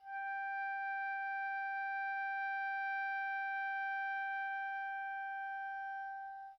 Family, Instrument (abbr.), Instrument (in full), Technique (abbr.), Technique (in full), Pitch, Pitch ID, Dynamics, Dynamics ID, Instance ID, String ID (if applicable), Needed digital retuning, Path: Winds, Ob, Oboe, ord, ordinario, G5, 79, pp, 0, 0, , FALSE, Winds/Oboe/ordinario/Ob-ord-G5-pp-N-N.wav